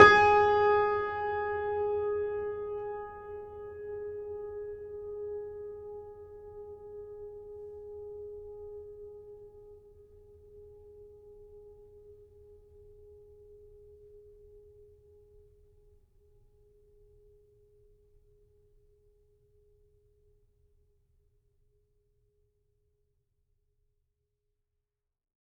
<region> pitch_keycenter=68 lokey=68 hikey=69 volume=0.058342 lovel=66 hivel=99 locc64=65 hicc64=127 ampeg_attack=0.004000 ampeg_release=0.400000 sample=Chordophones/Zithers/Grand Piano, Steinway B/Sus/Piano_Sus_Close_G#4_vl3_rr1.wav